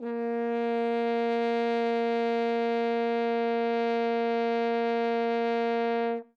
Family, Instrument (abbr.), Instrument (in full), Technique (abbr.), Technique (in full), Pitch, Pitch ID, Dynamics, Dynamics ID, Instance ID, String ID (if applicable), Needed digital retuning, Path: Brass, Hn, French Horn, ord, ordinario, A#3, 58, ff, 4, 0, , FALSE, Brass/Horn/ordinario/Hn-ord-A#3-ff-N-N.wav